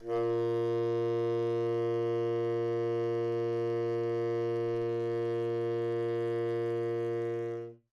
<region> pitch_keycenter=46 lokey=46 hikey=47 volume=18.889603 lovel=0 hivel=83 ampeg_attack=0.004000 ampeg_release=0.500000 sample=Aerophones/Reed Aerophones/Tenor Saxophone/Non-Vibrato/Tenor_NV_Main_A#1_vl2_rr1.wav